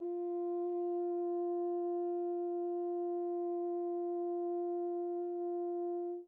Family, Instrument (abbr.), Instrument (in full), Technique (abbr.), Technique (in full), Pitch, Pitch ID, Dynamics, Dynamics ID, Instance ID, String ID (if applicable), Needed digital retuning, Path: Brass, Hn, French Horn, ord, ordinario, F4, 65, pp, 0, 0, , FALSE, Brass/Horn/ordinario/Hn-ord-F4-pp-N-N.wav